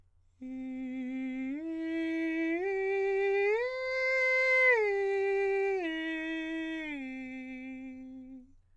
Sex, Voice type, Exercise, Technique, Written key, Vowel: male, countertenor, arpeggios, straight tone, , i